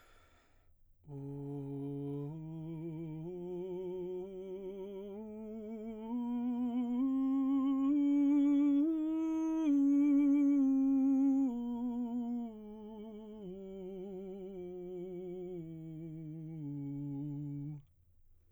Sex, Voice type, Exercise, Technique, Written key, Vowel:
male, baritone, scales, slow/legato piano, C major, u